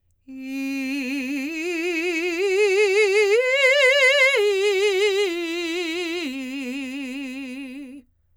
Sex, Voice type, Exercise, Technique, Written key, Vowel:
female, soprano, arpeggios, slow/legato forte, C major, i